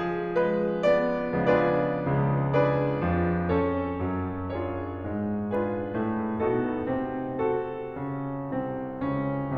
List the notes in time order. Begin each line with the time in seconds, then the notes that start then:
0.00 F3 G#4
0.39 G#3 B4
0.82 B3 D5
1.28 C#3 F3 G#3 B3 D4 F4 G#4 B4 D5
1.86 C#2 C#3
2.45 D4 G#4 B4 D5
3.02 F2 F3
3.56 C#4 A4 C#5
4.03 F#2 F#3
4.59 D4 F4 G#4 C#5
5.00 G#2 G#3
5.47 D4 F4 G#4 B4
5.97 A2 A3
6.41 B2 B3 D#4 F#4 A4
6.87 C3 C4
7.45 F#4 A4
7.96 C#3 C#4
8.53 C2 C3 C4
9.04 C#2 C#3 C#4